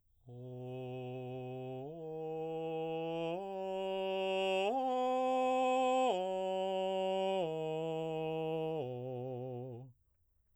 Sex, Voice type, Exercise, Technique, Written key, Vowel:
male, baritone, arpeggios, straight tone, , o